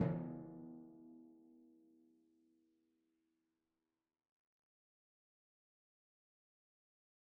<region> pitch_keycenter=52 lokey=51 hikey=53 tune=-1 volume=19.858891 lovel=66 hivel=99 seq_position=2 seq_length=2 ampeg_attack=0.004000 ampeg_release=30.000000 sample=Membranophones/Struck Membranophones/Timpani 1/Hit/Timpani4_Hit_v3_rr2_Sum.wav